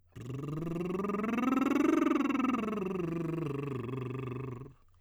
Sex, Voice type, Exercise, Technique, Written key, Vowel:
male, tenor, scales, lip trill, , i